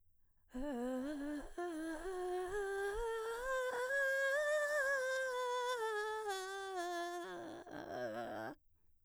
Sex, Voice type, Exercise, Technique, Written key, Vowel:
female, mezzo-soprano, scales, vocal fry, , e